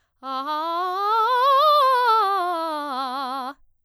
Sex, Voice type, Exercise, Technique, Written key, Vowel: female, soprano, scales, fast/articulated forte, C major, a